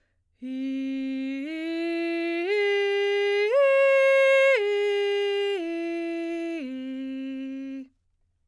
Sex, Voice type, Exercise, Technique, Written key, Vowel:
female, soprano, arpeggios, breathy, , i